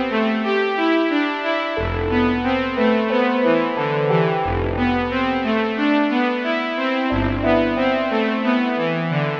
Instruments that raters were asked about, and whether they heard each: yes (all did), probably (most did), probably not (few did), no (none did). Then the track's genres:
voice: no
trumpet: probably not
mallet percussion: no
Experimental; Ambient; Instrumental